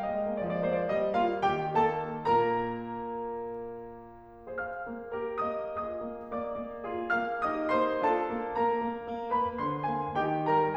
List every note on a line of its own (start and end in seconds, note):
0.00 0.42 G#3
0.00 0.42 D#5
0.21 0.42 A#3
0.43 0.87 F3
0.43 0.52 D5
0.53 0.64 D#5
0.64 0.87 A#3
0.64 0.74 C5
0.75 0.87 D5
0.88 1.43 G3
0.88 1.13 D#5
1.14 1.43 A#3
1.14 1.43 F4
1.14 1.43 F5
1.44 2.14 D#3
1.44 1.73 G4
1.44 1.73 G5
1.78 2.14 A#3
1.78 2.14 A4
1.78 2.14 A5
2.15 4.59 A#2
2.15 4.59 A#3
2.15 4.59 A#4
2.15 4.59 A#5
4.60 4.90 G#4
4.60 4.90 C5
4.60 5.43 F5
4.60 5.43 F6
4.90 5.14 A#3
5.18 5.43 G4
5.18 5.43 A#4
5.43 5.80 A#3
5.43 5.80 D#5
5.43 5.80 D#6
5.82 6.01 F4
5.82 6.82 G#4
5.82 6.32 D#5
5.82 6.32 D#6
6.03 6.32 A#3
6.33 6.55 A#3
6.33 7.07 D5
6.33 7.07 D6
6.56 6.82 A#3
6.84 7.07 F4
6.84 7.44 G#4
7.12 7.44 A#3
7.12 7.44 F5
7.12 7.44 F6
7.45 7.71 D#4
7.45 8.05 G4
7.45 7.71 D#5
7.45 7.71 D#6
7.73 8.05 A#3
7.73 8.05 C5
7.73 8.05 C6
8.05 8.29 D4
8.05 9.00 F4
8.05 8.54 A4
8.05 8.54 A5
8.30 8.54 A#3
8.54 8.74 A#3
8.54 9.32 A#4
8.54 9.32 A#5
8.75 9.00 A#3
9.06 9.32 A#3
9.36 9.60 A#3
9.36 9.60 B4
9.36 9.60 B5
9.61 9.87 D3
9.61 9.87 D4
9.61 9.87 C5
9.61 9.87 C6
9.91 10.17 A#3
9.91 10.17 G#4
9.91 10.17 G#5
10.18 10.50 D#3
10.18 10.50 D#4
10.18 10.50 G4
10.18 10.50 G5
10.51 10.76 G3
10.51 10.76 A#4
10.51 10.76 A#5